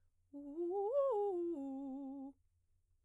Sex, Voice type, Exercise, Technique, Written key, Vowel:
female, soprano, arpeggios, fast/articulated piano, C major, u